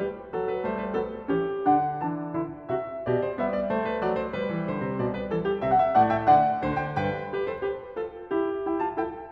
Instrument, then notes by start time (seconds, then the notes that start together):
piano
0.00 G3 G4 B4
0.37 F#3 A4
0.53 B4
0.68 G3 A3 C5
0.82 B4
0.95 F#3 B3 A4
1.25 E3 C#4 G4
1.66 D3 D4 F#5
2.00 E3 D4 A5
2.33 D3 E4
2.73 C3 F#4 E5
3.04 B2 G4 D5
3.22 C5
3.37 G3 B3 E5
3.51 D5
3.72 A3 C5
3.88 B4
4.04 F#3 D5
4.19 C5
4.34 G3 B4
4.47 E3
4.64 D3 C5
4.81 C3
4.98 B2 D5
5.13 B4
5.29 E3 A4
5.42 G4
5.61 C3 E5
5.69 F#5
5.76 E5
5.96 A2 A3 D5 F#5
6.08 E5 G5
6.26 D3 D5 F#5
6.64 D2 D3 C5
6.79 G5
6.94 G2 B4 G5
7.22 G4 B4
7.42 A4 C5
7.57 G4 B4
7.98 F4 A4
8.30 E4 G4
8.64 E4 G5
8.81 F4 A5
9.00 E4 A4 G5